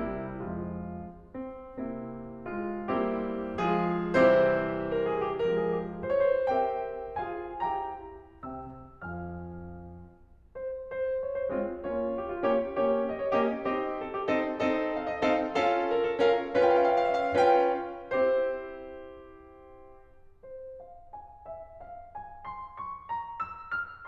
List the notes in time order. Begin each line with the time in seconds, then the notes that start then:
0.00 C3 G3 E4
0.45 F2 F3 G#3 F4
1.31 C4
1.76 C3 A#3 C4 E4
2.47 G#3 F4
2.90 G3 A#3 C4 E4 G4
3.67 F3 G#3 F4 G#4
4.16 C3 E3 G3 C4 E4 G4 C5
4.89 A#4
5.04 G#4
5.21 G4
5.43 F3 G#3 C4 A#4
5.60 G#4
5.77 G4
5.93 F4
6.10 C5
6.15 C#5
6.26 B4
6.36 C5
6.51 C4 G4 A#4 C5 E5 G5
7.19 F4 G#4 F5 G#5
7.56 E4 G4 G5 A#5
8.35 C3 C4 E5 G5 E6
9.00 F2 F3 F5 G#5 F6
10.54 C5
10.91 C5
11.23 C#5
11.37 C5
11.53 G#3 C4 F4 C#5
11.90 A#3 C#4 F4 C#5
12.17 G4
12.29 F4
12.43 A#3 C#4 G4 C#5
12.70 A#3 C#4 G4 C#5
13.00 D#5
13.18 C#5
13.36 A#3 C#4 G4 D#5
13.69 C4 D#4 G4 D#5
13.97 A4
14.13 G4
14.30 C4 D#4 A4 D#5
14.62 C4 D#4 A4 D#5
14.92 F5
15.03 D#5
15.21 C4 D#4 A4 F5
15.58 C#4 F4 A4 F5
15.93 A#4
16.10 A4
16.24 C#4 F4 A#4 F5
16.54 C#4 F4 B4 F5
16.65 G5
16.74 F5
16.85 G5
16.93 F5
17.01 G5
17.15 E5
17.23 F5
17.41 C#4 F4 B4 G5
17.98 C4 E4 G4 C5
20.39 C5
20.83 F5
21.13 G#5
21.47 E5
21.83 F5
22.11 G#5
22.43 C6
22.77 C#6
23.09 A#5
23.39 E6
23.71 F6